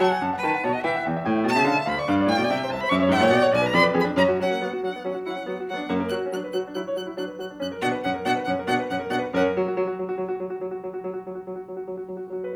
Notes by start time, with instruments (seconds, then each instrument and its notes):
0.00 piano F#3 A5, violin F#5
0.10 piano G#5
0.21 piano F#2 A5
0.33 piano F#5
0.43 piano D#3 A5, violin B4
0.55 piano F#5
0.65 piano B2 A5, violin C#5
0.73 violin D#5, piano F#5
0.84 piano E3 G5, violin E5
0.94 piano F#5
1.04 piano E2 G5
1.15 piano E5
1.25 piano A2 G5
1.35 piano E5
1.44 piano B2 G5, violin A5
1.54 piano C#3 E5
1.65 piano D3 F5
1.75 piano E5
1.85 piano D2 F5, violin B5
1.95 piano D5, violin C#6
2.05 piano G2 F5, violin D6
2.16 piano D5
2.28 piano A2 F5, violin G5
2.38 piano B2 D5
2.48 piano C3 E5
2.60 piano D5
2.71 piano C2 E5, violin A5
2.81 piano C5, violin B5
2.91 piano F#2 E5, violin C#6
3.02 piano C#5
3.12 piano G#2 E5, violin F#5
3.23 piano A#2 C#5
3.33 piano B2 D5
3.44 piano C#5
3.53 piano B1 D5, violin G#5
3.62 piano B4, violin A#5
3.73 piano F2 D5, violin B5
3.84 piano B4
3.95 piano F2 G#4, violin B5
4.06 piano D4
4.18 piano F#2 C#4, violin A#5
4.30 piano F#4
4.41 piano F#3 C#4, violin F#5
4.52 piano A#3
4.62 piano F#3 B3
4.73 piano F#4
4.85 piano F#3 D4, violin F#5
4.95 piano B3
5.05 piano F#3 C#4
5.15 piano F#4
5.27 piano F#3 E4, violin F#5
5.38 piano C#4
5.48 piano F#3 B3
5.60 piano F#4
5.70 piano F#3 D4, violin F#5
5.79 piano B3
5.90 piano F#2 A#3
6.00 piano A#4
6.13 piano F#3 F#4, violin F#6
6.23 piano C#4
6.34 piano F#3 D4, violin F#6
6.46 piano B4
6.56 piano F#3 F#4, violin F#6
6.66 piano D4
6.77 piano F#3 E4, violin F#6
6.86 piano C#5
6.95 piano F#3 F#4, violin F#6
7.06 piano E4
7.16 piano F#3 D4, violin F#6
7.27 piano B4
7.38 piano F#3 F#4, violin F#6
7.50 piano D4
7.62 piano F#2 C#4, violin F#6
7.72 piano A#4
7.83 piano B2 D4, violin F#5
7.93 piano B4
8.03 piano F#2 C#4, violin F#5
8.14 piano A#4
8.25 piano B2 D4, violin F#5
8.36 piano B4
8.46 piano F#2 C#4, violin F#5
8.58 piano A#4
8.68 piano B2 D4, violin F#5
8.79 piano B4
8.89 piano F#2 C#4, violin F#5
9.00 piano A#4
9.09 piano B2 D4, violin F#5
9.21 piano B4
9.29 piano F#2 C#4 A#4, violin F#5
9.49 piano F#3
9.59 piano F#4
9.67 piano F#3
9.79 piano F#4
9.88 piano F#3
9.98 piano F#4
10.12 piano F#3
10.24 piano F#4
10.37 piano F#3
10.48 piano F#4
10.59 piano F#3
10.72 piano F#4
10.83 piano F#3
10.92 piano F#4
11.03 piano F#3
11.12 piano F#4
11.24 piano F#3
11.31 piano F#4
11.41 piano F#3
11.48 piano F#4
11.60 piano F#3
11.71 piano F#4
11.84 piano F#3
11.95 piano F#4
12.10 piano F#3
12.21 piano F#4
12.32 piano F#3 F#4
12.45 piano B4